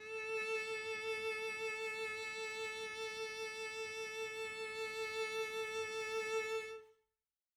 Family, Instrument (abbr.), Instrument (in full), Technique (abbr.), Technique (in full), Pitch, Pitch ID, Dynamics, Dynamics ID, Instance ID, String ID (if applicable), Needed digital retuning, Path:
Strings, Vc, Cello, ord, ordinario, A4, 69, mf, 2, 0, 1, FALSE, Strings/Violoncello/ordinario/Vc-ord-A4-mf-1c-N.wav